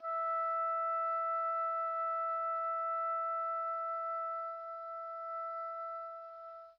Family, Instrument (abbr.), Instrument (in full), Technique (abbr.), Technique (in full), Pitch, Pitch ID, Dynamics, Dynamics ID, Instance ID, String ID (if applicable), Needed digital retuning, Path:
Winds, Ob, Oboe, ord, ordinario, E5, 76, pp, 0, 0, , FALSE, Winds/Oboe/ordinario/Ob-ord-E5-pp-N-N.wav